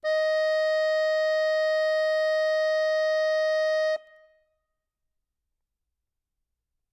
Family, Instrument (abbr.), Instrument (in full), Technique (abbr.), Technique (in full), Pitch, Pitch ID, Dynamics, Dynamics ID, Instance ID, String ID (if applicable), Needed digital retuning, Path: Keyboards, Acc, Accordion, ord, ordinario, D#5, 75, ff, 4, 0, , FALSE, Keyboards/Accordion/ordinario/Acc-ord-D#5-ff-N-N.wav